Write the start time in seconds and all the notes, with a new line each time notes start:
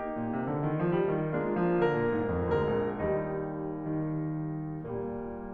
0.01 A#3 D#4 G4
0.13 A#2
0.31 C3
0.52 D3
0.64 D#3
0.84 F3
1.03 G3
1.17 D#3
1.35 G#3 A#3 D4 F4
1.56 F3
1.81 D3 A#4
1.96 A#2
2.11 G#2
2.32 F2
2.51 D2 A#3 A#4
2.75 A#1
2.94 D#2 G3 D#4
3.76 D#3
4.71 A#2 G3 A#3